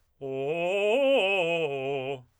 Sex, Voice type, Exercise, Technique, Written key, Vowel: male, tenor, arpeggios, fast/articulated forte, C major, o